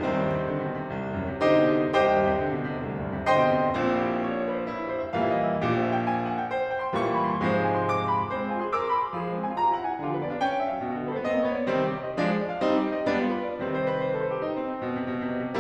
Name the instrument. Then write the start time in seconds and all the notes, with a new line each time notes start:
piano
0.00 C2 D#3 G3 C4
0.15 D#2
0.26 G2
0.34 C3
0.48 D3
0.58 C3
0.71 B2
0.81 C3
0.92 C2
1.06 D#2
1.23 G2
1.34 C3
1.44 D3 D#4 G4 C5 D#5
1.61 C3
1.74 B2
1.85 C3
1.99 C2 G4 C5 D#5 G5
2.15 D#2
2.25 G2
2.36 C3
2.46 D3
2.58 C3
2.69 B2
2.79 C3
2.89 C2
2.98 D#2
3.08 G2
3.17 C3
3.30 D3 C5 D#5 G5 C6
3.41 C3
3.53 B2
3.67 C3
3.80 A#1 A#2 C4
3.92 E4
4.03 G4
4.13 C5
4.26 C#5
4.37 C5
4.50 B4
4.61 C5
4.73 E4
4.83 G4
4.92 C5
5.04 E5
5.13 A#2 E3 G3 A#3 F5
5.27 E5
5.42 D#5
5.51 E5
5.63 A#1 A#2 G4
5.77 C5
5.84 E5
5.93 G5
6.07 G#5
6.15 G5
6.30 F#5
6.42 G5
6.51 C5
6.62 E5
6.71 G5
6.82 C6
6.93 A#2 E3 G3 A#3 C#6
7.06 C6
7.16 B5
7.30 C6
7.41 G#2 C3 F3 G#3 C5
7.50 F5
7.65 G#5
7.93 C6
8.50 D6
8.63 C6
8.84 B5
8.95 C6
9.14 F3 G#4
9.28 G#3 C5
9.38 C4 F5
9.50 F4 G#5
9.61 G4 A#5
9.71 F4 G#5
9.80 E4 G5
9.87 F4 G#5
9.98 D3 F4
10.09 F3 B4
10.19 B3 D5
10.31 D4 F5
10.43 D#4 G5
10.52 D4 F5
10.62 C#4 E5
10.70 D4 F5
10.81 B2 D4
10.92 D3 G4
11.03 G3 B4
11.13 B3 D5
11.24 C4 D#5
11.37 B3 D5
11.46 A#3 C#5
11.56 B3 D5
11.67 C3 D#3 G3 C4
11.77 G4
11.89 C5
12.00 D#5
12.14 F3 G#3 D4
12.27 G#4
12.43 D5
12.54 F5
12.63 G3 C4 D#4
12.74 G4
12.85 C5
12.98 D#5
13.07 G3 B3 D4
13.24 F4
13.34 B4
13.54 D5
13.65 C3 D#3 G3 C4
13.79 C5
13.90 B4
14.01 C5
14.12 B4
14.22 C5
14.34 G4
14.44 D#4
14.56 C4
14.77 B2
14.91 C3
15.05 B2
15.17 C3
15.28 B2
15.43 C3